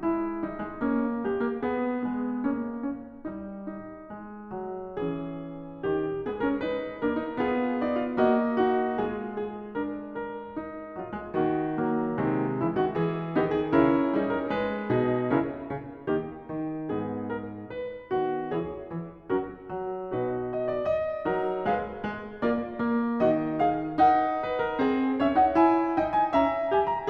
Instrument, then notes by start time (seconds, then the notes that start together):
piano
0.00 G#3 E4
0.41 G3 D#4
0.60 G#3
0.79 A#3 C#4
1.23 G#3 G4
1.44 A#3
1.63 B3 G#4
2.10 G#3 B3
2.55 A#3 C#4
2.95 C#4
3.33 G3 D#4
3.81 D#4
4.17 G#3
4.54 F#3
5.02 E3 C#4 G#4
5.84 D#3 G4
6.27 G#3 B3 G#4
6.43 C#4 A#4
6.65 D#4 B4
7.02 A#3 D4 A#4
7.22 D#4
7.38 B3 F4 G#4
7.84 D#4 D5
8.00 F4
8.20 A#3 F#4 D#5
8.65 D#4 F#4
8.99 G#3 F4 G#4
9.38 G#4
9.74 D4 A#4
10.17 A#4
10.55 D#4
10.94 F#3 F4
11.12 G#3
11.35 D#3 A#3 F#4
11.75 F#3 A#3
12.18 C3 D#3 G#3
12.57 C#3 E3 E4
12.72 D#3 F#4
12.89 E3 G#4
13.29 D#3 B3 D#4 G4
13.51 G#4
13.71 C#3 C#4 E4 A#4
14.12 G3 D#4 G#4
14.28 A#4
14.50 G#3 B4
14.97 B2 G#4
15.35 C#3 C#4 E4 A#4
15.74 C#3
16.11 D#3 A#3 D#4 G4
16.49 D#3
16.92 G#2 B3 D#4 G#4
17.30 A#4
17.72 B4
18.15 D#3 B3 F#4
18.54 E3 E4 G#4 C#5
18.91 E3
19.31 F#3 C#4 F#4 A#4
19.68 F#3
20.00 B2 D#4 F#4 B4
20.39 D#5
20.62 D5
20.77 D#5
21.28 F#3 D#4 A#4
21.64 G#3 G#4 B4 E5
22.06 G#3
22.48 A#3 F4 A#4 D5
22.87 A#3
23.23 D#3 D#4 F#4 D#5
23.63 G#4 F5
24.02 D#4 A#4 F#5
24.42 B4
24.61 A#4
24.83 C4 G#4
25.22 C#4 C#5 E5
25.37 D#4 F#5
25.54 E4 G#5
26.02 D#4 D#5 G5
26.18 G#5
26.35 C#4 E5 A#5
26.71 G4 G#5
26.88 A#5